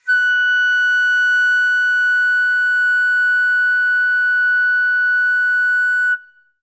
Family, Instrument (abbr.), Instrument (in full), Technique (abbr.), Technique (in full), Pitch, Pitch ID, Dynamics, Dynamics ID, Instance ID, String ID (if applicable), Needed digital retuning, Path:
Winds, Fl, Flute, ord, ordinario, F#6, 90, ff, 4, 0, , TRUE, Winds/Flute/ordinario/Fl-ord-F#6-ff-N-T19d.wav